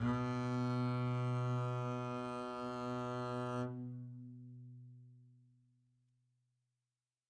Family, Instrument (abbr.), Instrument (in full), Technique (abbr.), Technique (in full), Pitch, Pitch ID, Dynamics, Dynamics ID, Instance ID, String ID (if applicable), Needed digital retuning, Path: Strings, Cb, Contrabass, ord, ordinario, B2, 47, mf, 2, 0, 1, FALSE, Strings/Contrabass/ordinario/Cb-ord-B2-mf-1c-N.wav